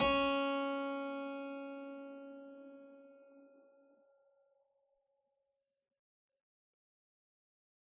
<region> pitch_keycenter=61 lokey=61 hikey=61 volume=1.821550 trigger=attack ampeg_attack=0.004000 ampeg_release=0.400000 amp_veltrack=0 sample=Chordophones/Zithers/Harpsichord, Unk/Sustains/Harpsi4_Sus_Main_C#3_rr1.wav